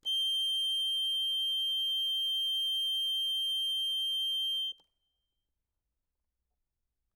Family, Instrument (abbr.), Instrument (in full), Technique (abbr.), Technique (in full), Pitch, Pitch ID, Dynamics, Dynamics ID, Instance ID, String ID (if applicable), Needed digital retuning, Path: Keyboards, Acc, Accordion, ord, ordinario, G7, 103, ff, 4, 0, , FALSE, Keyboards/Accordion/ordinario/Acc-ord-G7-ff-N-N.wav